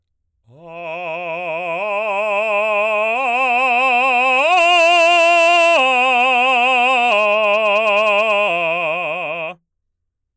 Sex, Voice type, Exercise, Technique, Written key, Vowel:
male, baritone, arpeggios, slow/legato forte, F major, a